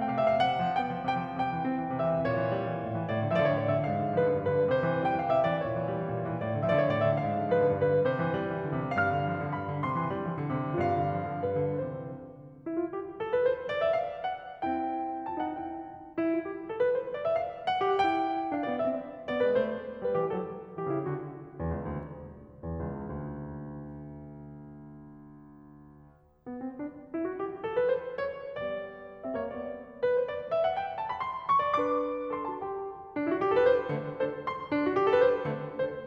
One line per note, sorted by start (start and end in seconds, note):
0.00 0.19 C3
0.00 0.19 G5
0.07 0.24 F5
0.19 0.39 A3
0.19 0.39 E5
0.24 0.39 F5
0.41 0.63 C3
0.41 0.77 F#5
0.63 0.77 F3
0.77 0.93 B3
0.77 1.15 G5
0.94 1.15 F3
1.15 1.27 C3
1.15 1.39 G5
1.27 1.39 F3
1.40 1.54 C3
1.40 2.00 G5
1.54 1.70 E3
1.70 1.88 C4
1.89 2.00 E3
2.00 2.11 C3
2.00 2.25 E5
2.11 2.25 E3
2.26 2.82 A#2
2.26 3.09 C#5
2.40 2.53 E3
2.53 2.65 G3
2.66 2.82 E3
2.82 3.09 A2
2.97 3.09 E3
3.10 3.56 A2
3.10 3.30 D5
3.22 3.30 D3
3.30 3.40 F3
3.30 3.34 E5
3.36 3.40 D5
3.41 3.56 D3
3.41 3.56 C#5
3.56 3.82 A2
3.56 3.68 D5
3.68 3.82 D3
3.68 3.82 E5
3.83 4.40 G#2
3.83 4.14 F5
3.97 4.14 D3
4.14 4.26 F3
4.14 4.40 B4
4.27 4.40 D3
4.40 4.63 G2
4.40 4.63 B4
4.52 4.63 D3
4.64 4.81 C3
4.64 4.99 C5
4.81 4.99 E3
4.99 5.12 G3
4.99 5.12 G5
5.14 5.27 E3
5.14 5.27 F5
5.27 5.42 C3
5.27 5.42 E5
5.42 5.55 E3
5.42 5.55 D5
5.56 6.10 A#2
5.56 6.36 C#5
5.68 5.82 E3
5.82 5.96 G3
5.97 6.10 E3
6.10 6.36 A2
6.23 6.36 E3
6.37 6.88 A2
6.37 6.61 D5
6.49 6.61 D3
6.61 6.75 F3
6.61 6.69 E5
6.70 6.75 D5
6.76 6.88 D3
6.76 6.88 C#5
6.88 7.11 A2
6.88 7.00 D5
7.00 7.11 D3
7.00 7.11 E5
7.12 7.71 G#2
7.12 7.45 F5
7.26 7.45 D3
7.45 7.57 F3
7.45 7.71 B4
7.59 7.71 D3
7.71 8.03 G2
7.71 8.03 B4
7.86 8.03 D3
8.05 8.19 C3
8.05 8.32 C5
8.19 8.32 E3
8.32 8.53 G3
8.54 8.71 E3
8.71 8.85 D3
8.85 8.96 C3
8.97 9.15 G2
8.97 9.07 F5
9.07 9.54 F6
9.15 9.31 D3
9.31 9.43 F3
9.44 9.54 D3
9.54 9.69 G2
9.54 9.81 B5
9.69 9.81 D3
9.82 10.00 C3
9.82 10.12 C6
10.00 10.12 E3
10.12 10.23 G3
10.24 10.43 E3
10.43 10.54 D3
10.54 10.72 C3
10.73 10.98 G2
10.73 10.82 F4
10.82 11.41 F5
10.98 11.15 D3
11.15 11.26 F3
11.27 11.41 D3
11.41 11.54 G2
11.41 11.83 B4
11.54 11.83 D3
11.84 12.16 C3
11.84 12.16 E3
11.84 12.16 C5
12.53 12.74 E4
12.74 12.95 F#4
12.96 13.20 G4
13.21 13.31 A4
13.32 13.44 B4
13.44 13.71 C5
13.73 13.85 D5
13.85 13.99 E5
14.01 14.25 F5
14.25 14.56 F#5
14.57 15.57 C4
14.57 15.27 E4
14.57 15.27 G5
15.27 15.43 F4
15.27 15.43 A5
15.45 15.57 D#4
15.45 15.57 F#5
15.58 15.86 C4
15.58 15.86 E4
15.58 15.86 G5
16.16 16.31 E4
16.32 16.45 F4
16.46 16.67 G4
16.68 16.78 A4
16.79 16.92 B4
16.92 17.14 C5
17.15 17.26 D5
17.26 17.40 E5
17.41 17.68 F5
17.68 17.94 F#5
17.95 18.48 E4
17.95 18.02 G4
18.02 18.48 G5
18.48 18.66 D4
18.48 18.66 F5
18.67 18.80 B3
18.67 18.80 D5
18.80 19.06 C4
18.80 19.06 E5
19.30 19.40 B3
19.30 19.40 D5
19.41 19.55 G#3
19.41 19.55 B4
19.55 19.80 A3
19.55 19.80 C5
20.09 20.24 G3
20.09 20.24 B4
20.25 20.38 E3
20.25 20.38 G4
20.38 20.63 F#3
20.38 20.63 A4
20.79 20.89 E3
20.79 20.89 G4
20.90 21.03 C#3
20.90 21.03 E4
21.03 21.35 D3
21.03 21.35 F#4
21.63 21.80 E2
21.82 21.98 C#2
21.99 22.40 D2
22.71 22.87 E2
22.89 23.10 C#2
23.12 26.46 D2
26.46 26.60 B3
26.63 26.81 C4
26.82 27.14 D4
27.14 27.26 E4
27.26 27.40 F#4
27.41 27.65 G4
27.65 27.78 A4
27.79 27.91 B4
27.91 28.17 C5
28.18 28.63 C#5
28.64 29.50 G3
28.64 29.21 B3
28.64 29.21 D5
29.22 29.40 C4
29.22 29.40 E5
29.40 29.50 A#3
29.40 29.50 C#5
29.51 29.84 G3
29.51 29.84 B3
29.51 29.84 D5
30.04 30.16 B4
30.16 30.28 C5
30.29 30.52 D5
30.52 30.66 E5
30.67 30.75 F#5
30.77 31.00 G5
31.01 31.11 A5
31.13 31.22 B5
31.22 31.51 C6
31.52 31.76 C#6
31.78 32.65 D4
31.78 32.37 B4
31.78 31.82 D5
31.83 32.37 D6
32.38 32.52 A4
32.38 32.52 C6
32.52 32.65 F#4
32.52 32.65 A5
32.66 32.90 G4
32.66 32.90 G5
33.16 33.24 D4
33.26 33.33 E4
33.34 33.41 F#4
33.43 33.48 G4
33.48 33.56 A4
33.56 33.65 B4
33.65 33.90 C5
33.90 34.16 D3
33.90 34.16 A3
33.90 34.16 C4
34.17 34.46 D4
34.17 34.46 A4
34.17 34.46 C5
34.46 34.73 C6
34.73 34.80 D4
34.80 34.84 E4
34.85 34.95 F#4
34.96 35.03 G4
35.04 35.11 A4
35.11 35.19 B4
35.19 35.55 C5
35.55 35.82 D3
35.55 35.82 A3
35.55 35.82 C4
35.83 36.07 D4
35.83 36.07 A4
35.83 36.07 C5